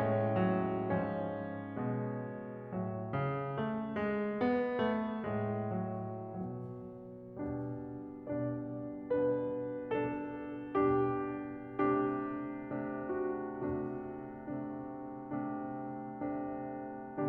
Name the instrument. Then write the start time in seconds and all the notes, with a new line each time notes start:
piano
0.00 A2 G#3 C#4 C#5
0.31 F#3
0.92 G#2 F3 C#4 C#5
1.73 B2 G#3
2.72 A2 F#3
3.09 C#3
3.63 A3
3.94 G#3
4.38 B3
4.84 A3
5.26 A2 G#3
5.70 F#3
6.35 B2 F#3
7.37 B2 G3 D4
8.20 B2 G3 D4 D5
9.18 B2 G3 D4 B4
9.90 B2 G3 D4 A4
10.88 B2 G3 D4 G4
11.69 C3 A3 D4 G4
12.57 C3 A3 D4
12.98 F#4
13.48 C3 A3 D4 F#4
14.71 C3 A3 D4
15.67 C3 A3 D4
16.51 C3 A3 D4